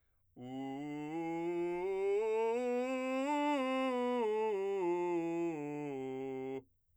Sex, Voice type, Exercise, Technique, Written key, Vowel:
male, , scales, straight tone, , u